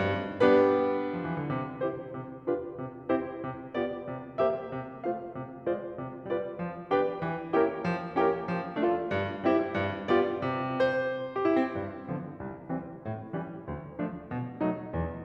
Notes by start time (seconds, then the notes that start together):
0.00 G2
0.41 G3 B3 D4 G4 B4
1.17 F3
1.29 E3
1.44 D3
1.57 C3
1.90 C4 E4 G4 C5
2.23 C3
2.50 D4 F4 G4 B4
2.86 C3
3.16 C4 E4 G4 C5
3.47 C3
3.76 B3 F4 G4 D5
4.05 C3
4.38 A#3 G4 C5 E5
4.69 C3
5.05 A3 F4 C5 F5
5.38 C3
5.67 G#3 F4 C5 D5
5.98 C3
6.23 G3 F4 B4 D5
6.54 F3
6.88 B3 D4 G4 B4 D5 G5
7.24 E3
7.51 A#3 C#4 E4 G4 A#4 C#5 G5
7.78 F3
8.13 A#3 C#4 E4 G4 A#4 C#5 G5
8.41 F3
8.77 A3 D4 F4 A4 D5 F5
9.04 G2
9.42 G3 C4 E4 G4 C5 E5
9.71 G2
10.01 G3 B3 F4 G4 D5
10.40 C3
10.73 C5
11.32 G4
11.45 E4
11.62 C4
11.74 G2
12.09 D3 F3 B3
12.38 C2
12.65 E3 G3 C4
12.97 A2
13.33 E3 G3 C#4
13.64 D2
13.96 F3 A3 D4
14.28 B2
14.62 F#3 A3 D#4
14.90 E2